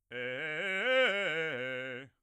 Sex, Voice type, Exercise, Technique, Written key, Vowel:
male, bass, arpeggios, fast/articulated forte, C major, e